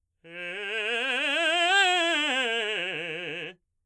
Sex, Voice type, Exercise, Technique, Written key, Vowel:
male, baritone, scales, fast/articulated forte, F major, e